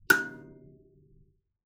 <region> pitch_keycenter=90 lokey=90 hikey=91 volume=0.736137 offset=4573 ampeg_attack=0.004000 ampeg_release=15.000000 sample=Idiophones/Plucked Idiophones/Kalimba, Tanzania/MBira3_pluck_Main_F#5_k1_50_100_rr2.wav